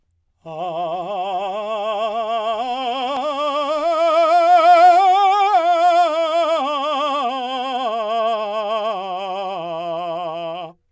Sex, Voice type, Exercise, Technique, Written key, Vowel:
male, , scales, slow/legato forte, F major, a